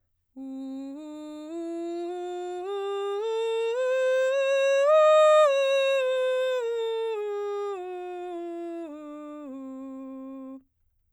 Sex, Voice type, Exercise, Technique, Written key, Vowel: female, soprano, scales, straight tone, , u